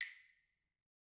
<region> pitch_keycenter=60 lokey=60 hikey=60 volume=16.154272 offset=190 lovel=66 hivel=99 ampeg_attack=0.004000 ampeg_release=15.000000 sample=Idiophones/Struck Idiophones/Claves/Claves1_Hit_v2_rr1_Mid.wav